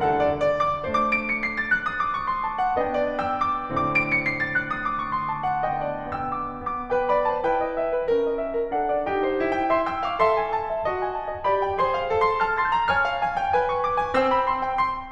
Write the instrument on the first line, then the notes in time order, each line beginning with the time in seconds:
piano
0.00 D2 D3 A4 F#5
0.21 C#5
0.39 D5
0.57 D6
0.88 A3 D4 C5 D6
1.14 D7
1.29 C#7
1.45 C7
1.58 A6
1.72 F#6
1.87 D#6
2.01 D6
2.16 C#6
2.30 C6
2.45 A5
2.60 F#5
2.75 B3 D4 B4 D#5 G5
2.93 D5
3.18 G5 E6
3.39 D6
3.67 A2 D3 C4 D6
3.83 D7
3.99 C#7
4.12 C7
4.30 A6
4.45 F#6
4.61 D#6
4.77 D6
4.93 C#6
5.10 C6
5.27 A5
5.42 F#5
5.78 B2 D3 B3 D#5 G5
5.94 D5
6.12 B3 G5 E6
6.32 D6
6.62 B3 D6
6.94 B4 G5
7.09 D5 B5
7.24 C5 A5
7.41 E4 B4 G5
7.60 D#5
7.76 E5
7.96 B4
8.10 C#4 A#4
8.29 D#5
8.43 E5
8.59 A#4
8.75 D4 A4 F#5
8.92 D5
9.11 D#4 G4 G5
9.24 C5
9.43 F4 G5
9.67 E5 C6
9.83 G5 E6
9.97 F5 D6
10.14 A4 E5 C6
10.30 G#5
10.46 A5
10.73 E5
10.89 F#4 D#5
11.02 G#5
11.15 A5
11.27 E5
11.45 G4 D5 B5
11.66 G5
11.81 G#4 C5 C6
11.96 F5
12.11 A4 C6
12.24 A5 F6
12.43 C6 A6
12.67 A#5 G6
12.88 C#5 G#5 F6
13.11 F5
13.26 G#5
13.40 G5
13.56 B4 G#5
13.72 C#6
13.85 D6
13.98 G#5
14.13 C4 C5 G5 E6
14.29 B5
14.45 C6
14.61 G5
14.80 C6